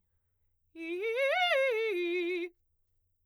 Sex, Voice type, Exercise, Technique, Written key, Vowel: female, soprano, arpeggios, fast/articulated forte, F major, i